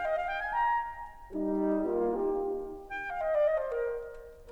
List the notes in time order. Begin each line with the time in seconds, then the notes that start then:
0.00 F5
0.13 D#5
0.22 F5
0.31 G5
0.43 G#5
0.55 A#5
1.35 G3 D#4
1.82 A#3 F4
2.40 D#4 G4
3.01 G5
3.10 F5
3.22 D#5
3.31 D5
3.42 D#5
3.55 C5
3.70 A#4